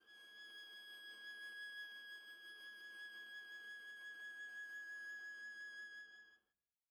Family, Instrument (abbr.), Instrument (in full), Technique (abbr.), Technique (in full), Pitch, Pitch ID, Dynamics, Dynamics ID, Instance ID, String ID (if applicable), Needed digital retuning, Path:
Strings, Va, Viola, ord, ordinario, G#6, 92, pp, 0, 0, 1, FALSE, Strings/Viola/ordinario/Va-ord-G#6-pp-1c-N.wav